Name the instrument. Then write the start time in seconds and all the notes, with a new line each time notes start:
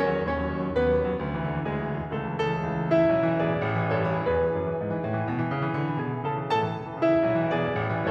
piano
0.01 E3 C#4 C#5
0.12 F#3
0.27 D#2 C#4 C#5
0.40 F#3
0.51 D#3
0.62 F#3
0.75 D#2 B3 B4
0.89 F#3
0.98 D#3
1.12 F#3
1.24 D2
1.36 E3
1.50 D3
1.61 E3
1.71 D2 G#3 G#4
1.84 E3
1.94 D3
2.06 E3
2.18 C#2 A3 A4
2.36 E3
2.47 C#3 A3 A4
2.61 E3
2.69 C#2
2.82 E3
3.00 C#3 E4 E5
3.12 E3
3.23 B1
3.35 E3
3.45 B2 G#4 D5
3.56 E3
3.70 A1
3.81 E3
3.93 A2 A4 C#5
4.05 E3
4.19 E2 G#4 B4
4.31 E3
4.48 F#2
4.61 E3
4.78 G#2
4.92 E3
5.02 A2
5.15 E3
5.31 B2
5.43 E3
5.54 C#3
5.67 E3
5.80 D3
5.92 E3
6.05 B2 G#4 G#5
6.17 E3
6.29 C#3 A4 A5
6.43 E3
6.54 A2 A4 A5
6.66 E3
6.79 C#2
6.93 E3
7.11 C#3 E4 E5
7.24 E3
7.35 B1
7.49 E3
7.62 B2 G#4 D5
7.71 E3
7.83 A1
7.97 E3